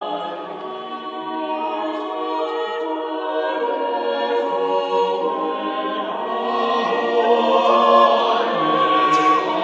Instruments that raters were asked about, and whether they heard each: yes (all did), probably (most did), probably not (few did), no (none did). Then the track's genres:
voice: yes
synthesizer: no
guitar: no
Choral Music